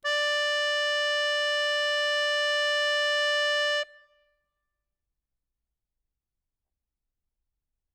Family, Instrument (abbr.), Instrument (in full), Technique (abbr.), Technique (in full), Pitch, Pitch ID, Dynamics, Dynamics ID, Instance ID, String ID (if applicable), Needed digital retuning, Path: Keyboards, Acc, Accordion, ord, ordinario, D5, 74, ff, 4, 0, , FALSE, Keyboards/Accordion/ordinario/Acc-ord-D5-ff-N-N.wav